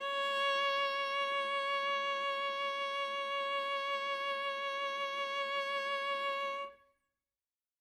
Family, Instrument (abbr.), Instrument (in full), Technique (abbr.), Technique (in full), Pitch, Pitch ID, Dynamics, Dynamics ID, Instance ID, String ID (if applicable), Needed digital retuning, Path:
Strings, Va, Viola, ord, ordinario, C#5, 73, ff, 4, 2, 3, FALSE, Strings/Viola/ordinario/Va-ord-C#5-ff-3c-N.wav